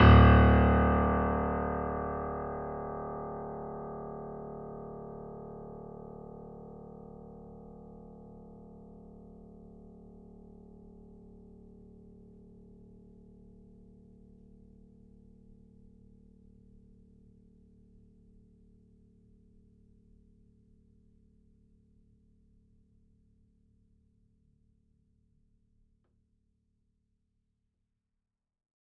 <region> pitch_keycenter=26 lokey=26 hikey=27 volume=-0.125294 lovel=100 hivel=127 locc64=0 hicc64=64 ampeg_attack=0.004000 ampeg_release=0.400000 sample=Chordophones/Zithers/Grand Piano, Steinway B/NoSus/Piano_NoSus_Close_D1_vl4_rr1.wav